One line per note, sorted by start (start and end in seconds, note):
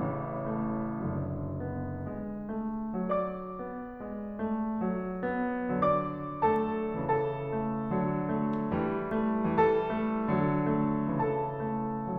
0.01 1.00 A1
0.01 1.00 C#3
0.01 0.45 E3
0.47 1.00 A3
1.06 2.07 F#1
1.06 5.82 D3
1.06 1.67 F#3
1.69 2.07 B3
2.11 2.58 G#3
2.59 3.00 A3
3.01 3.63 F#3
3.01 5.82 D5
3.01 5.82 D6
3.64 4.02 B3
4.03 4.43 G#3
4.44 4.81 A3
4.89 5.24 F#3
5.28 5.82 B3
5.85 6.96 D3
5.85 6.40 F#3
5.85 6.40 D5
5.85 6.40 D6
6.41 6.96 A3
6.41 6.96 A4
6.41 6.96 A5
6.97 7.89 C#3
6.97 7.52 E3
6.97 9.53 A4
6.97 9.53 A5
7.54 7.89 A3
7.91 8.70 D3
7.91 8.26 F#3
8.28 8.70 A3
8.71 9.53 E3
8.71 9.13 G3
9.14 9.53 A3
9.54 10.30 E3
9.54 9.90 G3
9.54 11.19 A4
9.54 11.19 A5
9.91 10.30 A3
10.32 11.19 D3
10.32 10.71 F#3
10.72 11.19 A3
11.20 12.17 C#3
11.20 11.63 E3
11.20 12.17 A4
11.20 12.17 A5
11.64 12.17 A3